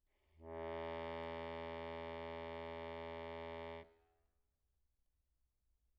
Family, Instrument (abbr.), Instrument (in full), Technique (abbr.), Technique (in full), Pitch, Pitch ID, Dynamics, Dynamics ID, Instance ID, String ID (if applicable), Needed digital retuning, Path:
Keyboards, Acc, Accordion, ord, ordinario, E2, 40, pp, 0, 0, , FALSE, Keyboards/Accordion/ordinario/Acc-ord-E2-pp-N-N.wav